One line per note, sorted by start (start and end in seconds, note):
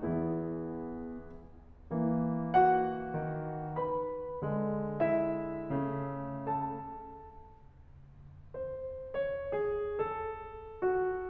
0.01 1.22 E2
0.01 1.22 E3
0.01 1.22 B3
0.01 1.22 E4
0.01 1.22 G#4
1.93 3.06 E3
1.93 3.06 A#3
2.56 3.81 F#4
2.56 3.81 F#5
3.07 3.81 D#3
3.07 3.81 B3
3.87 4.39 B4
3.87 4.39 B5
4.43 5.71 D3
4.43 5.71 G#3
5.03 6.47 E4
5.03 6.47 E5
5.73 6.47 C#3
5.73 6.47 A3
6.50 7.13 A4
6.50 7.13 A5
8.54 9.12 C5
9.14 9.43 C#5
9.48 9.99 G#4
10.01 10.84 A4
10.84 11.28 F#4